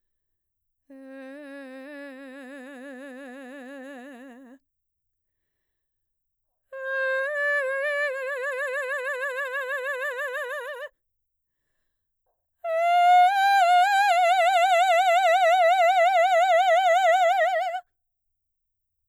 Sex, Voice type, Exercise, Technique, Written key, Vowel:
female, mezzo-soprano, long tones, trill (upper semitone), , e